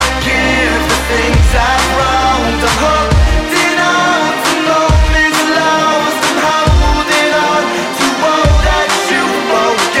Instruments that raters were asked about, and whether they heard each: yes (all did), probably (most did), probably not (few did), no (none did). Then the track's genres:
organ: no
clarinet: no
voice: yes
mandolin: no
Pop; Hip-Hop; Alternative Hip-Hop